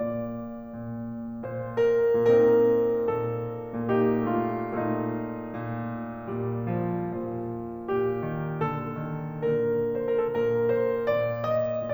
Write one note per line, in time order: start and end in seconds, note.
0.00 0.74 A#2
0.00 1.44 D5
0.77 1.44 A#2
1.47 2.47 A#2
1.47 1.76 C5
1.78 2.47 A#4
2.47 3.07 A#2
2.47 3.89 C4
2.47 3.89 D#4
2.47 3.07 A#4
3.08 3.89 A#2
3.08 3.89 A4
3.90 4.76 A#2
3.90 4.45 A#3
3.90 4.76 D#4
3.90 4.45 G4
4.46 4.76 A3
4.46 4.76 F4
4.77 5.42 A#2
4.77 6.30 A3
4.77 7.89 D#4
4.77 7.89 F4
5.43 6.30 A#2
6.32 6.98 A#2
6.32 6.70 G3
6.71 6.98 F3
6.99 7.89 A#2
6.99 8.30 F3
7.91 8.60 A#2
7.91 8.60 G4
8.31 8.60 D#3
8.61 9.37 A#2
8.61 8.97 D3
8.61 9.37 A4
8.99 9.37 D#3
9.38 10.26 A#2
9.38 11.08 D3
9.38 9.91 A#4
9.93 10.04 C5
10.05 10.15 A#4
10.15 10.26 A4
10.30 11.08 A#2
10.30 10.67 A#4
10.68 11.08 C5
11.09 11.92 A#2
11.09 11.42 D5
11.44 11.92 D#5